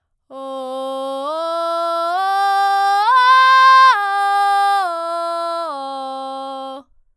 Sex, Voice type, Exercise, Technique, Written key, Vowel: female, soprano, arpeggios, belt, , o